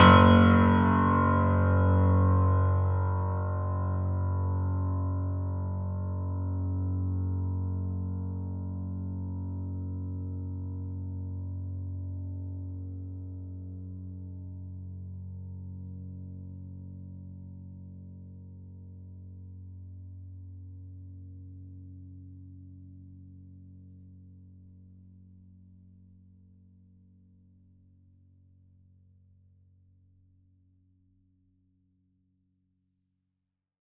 <region> pitch_keycenter=30 lokey=30 hikey=31 volume=0.543377 lovel=100 hivel=127 locc64=65 hicc64=127 ampeg_attack=0.004000 ampeg_release=0.400000 sample=Chordophones/Zithers/Grand Piano, Steinway B/Sus/Piano_Sus_Close_F#1_vl4_rr1.wav